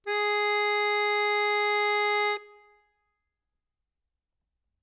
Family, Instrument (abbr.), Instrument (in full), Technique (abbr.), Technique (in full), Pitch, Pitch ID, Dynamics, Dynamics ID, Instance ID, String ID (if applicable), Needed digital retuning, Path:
Keyboards, Acc, Accordion, ord, ordinario, G#4, 68, ff, 4, 1, , FALSE, Keyboards/Accordion/ordinario/Acc-ord-G#4-ff-alt1-N.wav